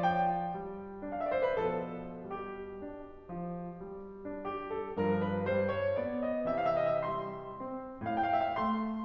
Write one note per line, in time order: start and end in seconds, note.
0.00 0.57 F3
0.00 1.17 G5
0.59 1.02 G3
1.02 1.49 D4
1.18 1.27 F5
1.23 1.34 E5
1.29 1.38 D5
1.35 1.47 C5
1.42 1.49 B4
1.51 3.27 B2
1.51 2.31 F3
1.51 2.31 A4
2.32 2.83 G3
2.32 4.33 G4
2.84 3.27 D4
3.29 3.83 F3
3.83 4.33 G3
4.34 4.97 D4
4.34 4.66 G4
4.67 4.97 A4
4.97 6.44 G2
4.97 5.46 F3
4.97 5.22 A#4
5.24 5.46 B4
5.47 5.98 G3
5.47 5.75 C5
5.76 5.98 C#5
5.99 6.44 B3
5.99 6.22 D5
6.25 6.44 D#5
6.46 7.06 C3
6.46 7.06 E3
6.56 6.82 F5
6.65 6.66 E5
6.79 7.07 D#5
7.07 7.53 G3
7.07 7.53 C6
7.53 8.02 C4
8.03 8.57 A2
8.13 8.36 G5
8.21 8.22 F5
8.35 8.58 E5
8.43 8.68 G5
8.57 9.04 A3
8.57 9.04 C6